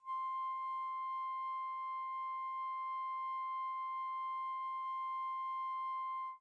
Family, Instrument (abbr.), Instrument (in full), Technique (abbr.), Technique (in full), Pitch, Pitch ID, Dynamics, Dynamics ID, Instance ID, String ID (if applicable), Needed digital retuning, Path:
Winds, Fl, Flute, ord, ordinario, C6, 84, pp, 0, 0, , FALSE, Winds/Flute/ordinario/Fl-ord-C6-pp-N-N.wav